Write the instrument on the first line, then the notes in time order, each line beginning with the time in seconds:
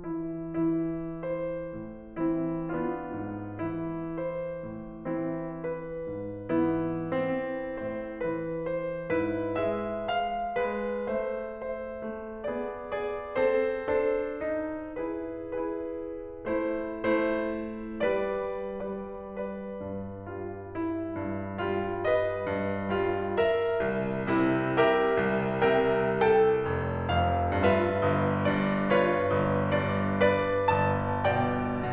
piano
0.01 E3 E4
0.66 E3 E4
1.25 C5
1.73 A2
2.26 E3 C4 E4
2.71 B3 D4 F4
3.19 G#2
3.69 E3 E4
4.20 C5
4.66 A2
5.15 E3 C4 E4
5.55 B4
6.06 G#2
6.55 E3 B3 E4
7.07 C4
7.69 A2 C5
8.22 E3 B4
8.71 C5
9.13 G#2 E4 B4
9.59 G#3 B4 E5
10.11 F5
10.62 G#3 B4
11.06 A3 C5 E5
11.66 C5 E5
12.04 A3
12.47 B3 G#4 D5
12.90 G#4 D5
13.39 C4 A4 C5
14.01 D4 A4 C5
14.51 D#4
15.01 E4 G#4 B4
15.57 E4 G#4 B4
15.99 E4
16.46 A3 E4 C5
17.12 A3 E4 C5
17.59 A3
18.04 G3 B4 D5
18.55 G3 B4 D5
19.16 B4 D5
19.73 G2
20.29 G3 F4
20.72 E4
21.12 G2
21.55 G3 F4
22.01 B4 D#5
22.47 G2
22.96 G3 F4
23.38 A#4 E5
23.82 C2
24.30 C3 E4
24.74 G4 A#4 E5
25.27 C2
25.72 C3 A#4 E5 G5
26.13 A4 G5
26.67 F1
27.10 F2 F5
27.61 G2 F4 B4 E5
28.03 G1
28.43 G2 D5
28.89 F4 C#5
29.33 G1
29.84 G2 D5
30.27 B4 D5
30.73 G1 A5
31.25 B2 D5 G5